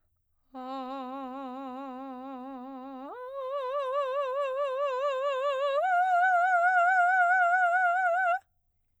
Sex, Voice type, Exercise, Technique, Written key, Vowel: female, soprano, long tones, full voice pianissimo, , a